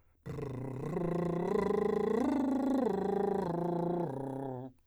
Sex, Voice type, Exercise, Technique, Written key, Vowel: male, , arpeggios, lip trill, , o